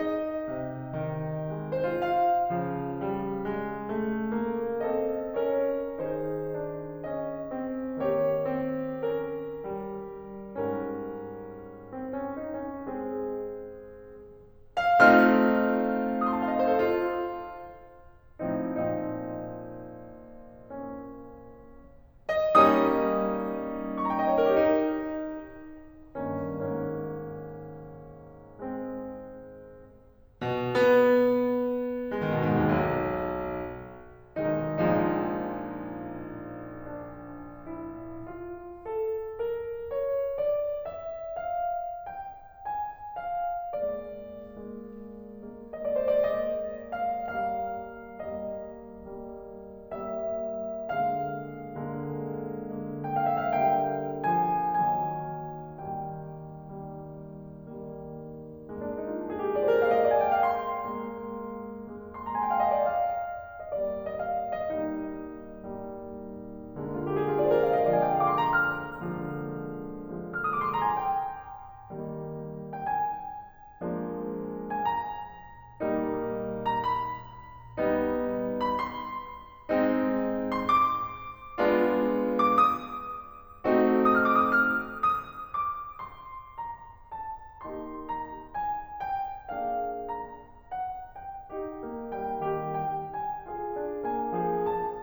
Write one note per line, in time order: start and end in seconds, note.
0.01 0.23 D#4
0.27 1.71 D#5
0.48 0.95 C3
1.03 1.53 D#3
1.54 1.88 G#3
1.74 1.88 C5
1.89 2.07 F4
2.10 4.84 F5
2.50 5.97 C#3
2.50 3.02 F3
3.05 3.44 G3
3.47 3.95 G#3
3.98 4.34 A3
4.35 4.84 A#3
4.86 5.29 C4
4.86 5.29 A4
4.86 5.29 D#5
5.36 5.97 C#4
5.36 5.97 A#4
5.36 5.97 C#5
5.98 8.02 D#3
5.98 6.55 D#4
5.98 8.02 G#4
5.98 7.06 C5
6.57 7.06 D4
7.08 7.44 C#4
7.08 8.02 D#5
7.45 8.02 C4
8.03 10.62 D#3
8.03 8.42 A#3
8.03 10.62 G4
8.03 9.13 C#5
8.47 9.13 C4
9.14 9.56 C#4
9.14 10.62 A#4
9.60 10.62 G3
10.63 13.60 G#2
10.63 12.79 G3
10.63 11.88 C#4
10.63 12.79 A#4
11.89 12.36 C4
12.14 12.58 C#4
12.39 12.79 D#4
12.61 13.04 C#4
12.80 13.60 G#3
12.80 13.60 C4
12.80 13.60 G#4
14.80 16.74 A3
14.80 16.74 C4
14.80 16.74 D#4
14.80 16.74 F4
14.80 15.24 F5
15.01 16.17 F6
16.19 16.35 D#6
16.28 16.42 C6
16.36 16.49 A5
16.43 16.58 F5
16.52 16.65 D#5
16.60 16.74 C5
16.67 16.81 A4
16.75 17.62 F4
18.44 18.91 A2
18.44 18.91 F3
18.44 18.91 C4
18.44 18.91 D#4
18.92 21.55 A#2
18.92 21.55 F3
18.92 20.67 C4
18.92 20.67 D#4
20.68 21.55 A#3
20.68 21.55 C#4
22.59 24.57 G3
22.59 24.57 A#3
22.59 24.57 C#4
22.59 24.57 D#4
22.59 22.94 D#5
22.75 23.96 D#6
23.97 24.11 C#6
24.05 24.20 A#5
24.14 24.28 G5
24.22 24.40 D#5
24.29 24.50 C#5
24.41 24.57 A#4
24.51 24.65 G4
24.58 25.23 D#4
26.17 26.64 G2
26.17 26.64 D#3
26.17 26.64 A#3
26.17 26.64 C#4
26.66 29.14 G#2
26.66 29.14 D#3
26.66 28.46 A#3
26.66 28.46 C#4
28.47 29.14 G#3
28.47 29.14 C4
30.32 30.47 B2
30.40 31.71 B3
31.72 32.21 B3
32.14 32.36 G#3
32.22 32.51 D#3
32.37 32.58 B2
32.53 32.84 G#2
32.61 33.02 D#2
32.85 33.91 B1
34.44 34.70 B1
34.44 34.70 B2
34.44 34.70 D#3
34.44 34.70 G#3
34.44 34.70 D#4
34.71 38.24 A#1
34.71 38.24 A#2
34.71 38.24 F3
34.71 38.24 G#3
34.71 36.98 D#4
37.00 37.63 D4
37.67 38.24 E4
38.30 38.81 F4
38.82 39.38 A4
39.39 39.86 A#4
39.89 40.28 C#5
40.29 40.90 D5
40.92 41.50 E5
41.51 42.06 F5
42.07 42.58 G5
42.61 43.16 G#5
43.26 43.69 F5
43.69 44.54 G#3
43.69 44.54 A#3
43.69 45.75 D5
44.56 45.35 G#3
44.56 45.35 A#3
45.38 46.36 G#3
45.38 46.36 A#3
45.76 45.92 D#5
45.87 46.04 D5
45.93 46.36 C5
46.06 46.47 D5
46.38 47.28 G#3
46.38 47.28 A#3
46.38 46.93 D#5
46.96 47.28 F5
47.29 48.25 G3
47.29 48.25 A#3
47.29 48.25 F5
48.27 49.10 G3
48.27 49.10 A#3
48.27 49.82 D#5
49.13 49.82 G3
49.13 49.82 A#3
49.84 50.89 G3
49.84 50.89 A#3
49.84 50.89 E5
50.92 51.91 D3
50.92 51.91 G#3
50.92 51.91 A#3
50.92 53.10 F5
51.93 52.75 D3
51.93 52.75 G#3
51.93 52.75 A#3
52.76 53.63 D3
52.76 53.63 G#3
52.76 53.63 A#3
53.11 53.37 G5
53.26 53.48 F5
53.38 53.63 E5
53.49 53.77 F5
53.66 54.93 D3
53.66 54.29 G3
53.66 54.93 A#3
53.66 54.29 G5
54.31 54.93 F3
54.31 54.93 G#5
54.94 55.85 D#3
54.94 55.85 F#3
54.94 55.85 A#3
54.94 55.85 G#5
55.86 56.91 D#3
55.86 56.91 G3
55.86 56.91 A#3
55.86 56.34 G5
56.92 57.71 D#3
56.92 57.71 G3
56.92 57.71 A#3
57.73 58.68 D#3
57.73 58.68 G3
57.73 58.68 A#3
58.71 59.81 G#3
58.71 59.81 A#3
58.83 59.00 D4
58.91 59.10 D#4
59.01 59.19 F4
59.11 59.27 D#4
59.21 59.37 D4
59.29 59.43 G#4
59.38 59.51 G4
59.45 59.60 F4
59.52 59.70 D5
59.62 59.81 C5
59.72 59.90 A#4
59.84 60.97 G#3
59.84 60.97 A#3
59.84 60.04 F5
59.91 60.13 D#5
60.08 60.22 D5
60.15 60.34 G#5
60.25 60.45 G5
60.35 60.53 F5
61.00 61.96 G#3
61.00 61.96 A#3
61.97 62.80 G#3
61.97 62.80 A#3
62.18 62.37 C6
62.27 62.47 A#5
62.36 62.55 G#5
62.46 62.64 G5
62.54 62.72 F5
62.63 62.82 D#5
62.70 62.93 D5
62.82 63.58 F5
63.59 63.78 D#5
63.70 63.95 D5
63.80 64.72 G3
63.80 64.72 A#3
64.07 64.23 D#5
64.24 64.60 F5
64.62 64.72 D#5
64.74 65.65 G3
64.74 65.65 A#3
64.74 65.65 D#4
65.66 66.80 G3
65.66 66.80 A#3
66.81 67.94 D3
66.81 67.94 G#3
66.81 67.94 A#3
66.91 67.09 F4
67.00 67.18 G4
67.10 67.31 G#4
67.19 67.38 G4
67.31 67.48 F4
67.39 67.56 D5
67.49 67.66 C5
67.58 67.73 A#4
67.67 67.82 F5
67.75 67.94 D#5
67.84 68.04 D5
67.95 69.10 D3
67.95 69.10 G#3
67.95 69.10 A#3
67.95 68.14 G#5
68.05 68.24 G5
68.16 68.31 F5
68.25 68.39 D6
68.32 68.47 C6
68.40 68.56 A#5
68.49 69.93 F6
69.11 69.93 D3
69.11 69.93 G#3
69.11 69.93 A#3
69.96 70.86 D3
69.96 70.86 G#3
69.96 70.86 A#3
69.96 70.23 F6
70.07 70.37 D#6
70.26 70.63 D6
70.40 70.77 C6
70.64 70.86 A#5
70.78 70.86 G#5
70.87 72.36 G5
71.95 72.79 D#3
71.95 72.79 G3
71.95 72.79 A#3
72.61 72.79 G5
72.80 74.21 G#5
73.85 74.80 F3
73.85 74.80 G#3
73.85 74.80 A#3
73.85 74.80 D4
74.53 74.80 G#5
74.81 76.28 A#5
75.85 76.76 G3
75.85 76.76 A#3
75.85 76.76 D#4
76.62 76.76 A#5
76.77 78.29 B5
77.78 78.79 G3
77.78 78.79 B3
77.78 78.79 D#4
78.57 78.79 B5
78.80 80.30 C6
79.73 80.64 G#3
79.73 80.64 C4
79.73 80.64 D#4
80.46 80.64 C6
80.65 82.08 D6
81.59 82.75 G#3
81.59 82.75 B3
81.59 82.75 D4
81.59 82.75 F4
82.45 82.75 D6
82.76 84.24 D#6
83.66 84.72 A3
83.66 84.72 C4
83.66 84.72 D#4
83.66 84.72 F#4
84.25 84.47 F6
84.33 84.60 D#6
84.48 84.72 D6
84.61 84.93 D#6
84.77 85.22 F6
85.23 85.54 D#6
85.55 85.99 D6
86.00 86.51 C6
86.52 87.20 A#5
87.21 87.64 A5
87.66 88.49 A#3
87.66 88.49 D#4
87.66 88.49 G4
87.66 88.04 C6
88.07 88.49 A#5
88.50 89.04 G#5
89.07 89.52 G5
89.53 90.68 A#3
89.53 90.68 D4
89.53 90.68 G#4
89.53 90.02 F5
90.03 90.68 A#5
90.69 91.23 F#5
91.24 91.50 G5
91.52 91.89 D#4
91.52 91.89 G4
91.90 92.13 A#3
92.14 92.35 G3
92.14 92.35 G5
92.36 92.71 D#3
92.36 92.71 G4
92.75 93.09 G5
93.11 93.48 G#5
93.49 93.76 F4
93.49 93.76 G#4
93.78 94.04 D4
94.06 94.35 A#3
94.06 94.35 G#5
94.36 94.66 F3
94.36 94.66 G#4
94.67 95.02 A5